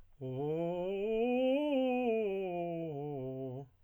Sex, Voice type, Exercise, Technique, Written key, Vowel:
male, tenor, scales, fast/articulated piano, C major, o